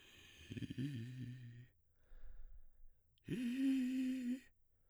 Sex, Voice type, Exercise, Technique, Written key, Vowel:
male, baritone, long tones, inhaled singing, , i